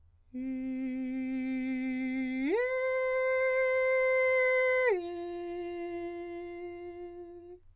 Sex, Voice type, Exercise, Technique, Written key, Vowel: male, countertenor, long tones, straight tone, , i